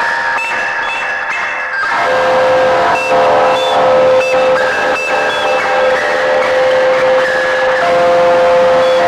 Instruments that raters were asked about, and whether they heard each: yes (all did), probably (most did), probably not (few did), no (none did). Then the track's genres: mallet percussion: no
Folk; Noise; Shoegaze